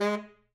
<region> pitch_keycenter=56 lokey=56 hikey=56 tune=8 volume=14.708068 lovel=84 hivel=127 ampeg_attack=0.004000 ampeg_release=1.500000 sample=Aerophones/Reed Aerophones/Tenor Saxophone/Staccato/Tenor_Staccato_Main_G#2_vl2_rr1.wav